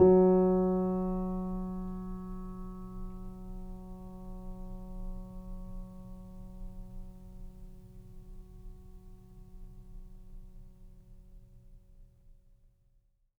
<region> pitch_keycenter=54 lokey=54 hikey=55 volume=1.504319 lovel=0 hivel=65 locc64=0 hicc64=64 ampeg_attack=0.004000 ampeg_release=0.400000 sample=Chordophones/Zithers/Grand Piano, Steinway B/NoSus/Piano_NoSus_Close_F#3_vl2_rr1.wav